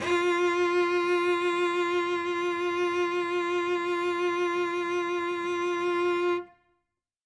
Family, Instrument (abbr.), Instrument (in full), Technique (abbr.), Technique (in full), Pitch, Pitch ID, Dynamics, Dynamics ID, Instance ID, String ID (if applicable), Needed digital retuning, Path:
Strings, Vc, Cello, ord, ordinario, F4, 65, ff, 4, 1, 2, FALSE, Strings/Violoncello/ordinario/Vc-ord-F4-ff-2c-N.wav